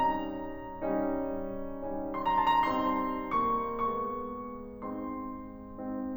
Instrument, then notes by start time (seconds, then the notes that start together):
piano
0.01 G3 C#4 D#4 A#5
1.03 G3 C#4 D#4
1.83 G3 C#4 D#4
2.18 C6
2.23 A#5
2.39 A5
2.55 A#5
2.76 G3 C4 D#4 C6
3.35 A#3 C#6
3.95 G#3 B3 D#4 C#6
4.81 G#3 C4 D#4 C6